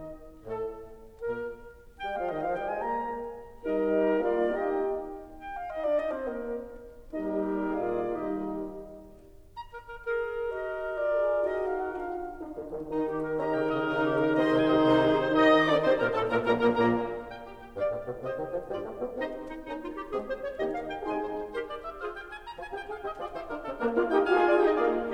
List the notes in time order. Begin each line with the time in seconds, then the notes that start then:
0.48 A2 A4
0.71 A3
1.23 A#2 A#3 A#4
1.99 G3 G5
2.11 F3 F5
2.28 D#3 D#5
2.39 F3 F5
2.50 G3 G5
2.67 G#3 G#5
2.78 A#3 A#5
3.65 G3 D#4 A#4 D#5
4.25 A#3 F4 D5 F5
4.56 D#4 G4 A#4 D#5 G5
5.47 G5
5.62 F5
5.72 D#4 D#5
5.81 D4 D5
5.99 D#4 D#5
6.13 C4 C5
6.22 A#3 A#4
7.17 G3 A#3 D#4 G4 A#4 D#5
7.95 A#2 A#3 F4 G#4 D5 F5
8.19 D#3 G3 D#4 G4 D#5
9.55 A#5
9.73 A#4
9.91 A#4
10.09 G#4 A#4
10.50 G4 A#4 D#5
10.97 F4 G#4 A#4 D5
11.53 D#4 F#4 A#4 D#5
11.68 F5
11.86 F#5
12.04 D4 F4 A#4 F5
12.43 D#4
12.62 D#3
12.90 D#3 D#4
13.01 G4
13.20 A#4
13.34 D#3 C#4 D#4 A#4 D#5 A#5
13.50 C#3 G5
13.66 C#3 D#5
13.86 C#3 D#3 D#4 G4 A#4
14.06 G4
14.20 A#4
14.36 C3 D#3 C4 D#4 G#4 C5 D#5 C6
14.54 C2 C3 G#5
14.68 C2 C3 D#5
14.81 C2 C3 D#3 D#4 G#4 C5
15.01 G#4
15.14 C5
15.30 D#3 D#4 D#5 F5
15.47 D#3 D#4 D#6
15.66 D3 D4 D5 D6
15.83 C3 C4 C5 C6
15.97 A#2 A#3 A#4 A#5
16.11 A2 A3 A4 A5
16.29 A#2 A#3 A#4 A#5
16.45 A#1 A#2 A#3 A#4 G#5 A#5
16.60 A#1 A#2 A#3 A#4 G#5 A#5
16.79 A#1 A#2 A#3 A#4 G#5 A#5
17.17 G5
17.34 G4
17.54 G4
17.74 G2 G4 D5 F5
17.91 A2
18.05 B2
18.20 C3 G4 C5 D#5
18.35 D#3
18.46 F3
18.64 G2 G3 F4 G4 D5
18.82 A3
19.00 B3
19.18 C3 C4 D#4 G4 C5 D#5
19.34 D#4
19.54 D#4
19.68 A#3 C#4 D#4
19.78 F4
19.94 G4
20.11 G#3 C4 G#4
20.29 C5
20.43 C#5
20.59 D#3 A#3 D#4 G4 D#5
20.74 F5
20.88 G5
21.00 C3 G#3 D#4 G#4 G#5 C6
21.19 C5
21.36 C5
21.52 G4 A#4 C5
21.70 D5
21.82 E5
22.01 F4 G#4 C5 F5
22.10 G5
22.29 G#5
22.46 A#5
22.53 F4 G#5
22.69 G4 G5
22.83 G#4 F5
23.03 G4 D#5
23.17 F4 G#4 D5
23.32 D#4 G4 C5
23.47 D4 F4 A#4
23.61 C4 D#4 A4
23.77 A#3 D4 A#4
23.91 A#3 F4 D5 F5
24.06 D#4 G4 D#5 G5
24.25 F4 G#4 F5 G#5
24.42 F4 D5
24.58 D#4 G4 D#5 G5
24.76 A#3 F4 G#4 D5 F5